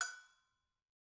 <region> pitch_keycenter=60 lokey=60 hikey=60 volume=9.916934 offset=189 lovel=100 hivel=127 ampeg_attack=0.004000 ampeg_release=15.000000 sample=Idiophones/Struck Idiophones/Agogo Bells/Agogo_High_v3_rr1_Mid.wav